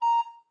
<region> pitch_keycenter=82 lokey=82 hikey=83 volume=11.930354 offset=432 ampeg_attack=0.004000 ampeg_release=10.000000 sample=Aerophones/Edge-blown Aerophones/Baroque Alto Recorder/Staccato/AltRecorder_Stac_A#4_rr1_Main.wav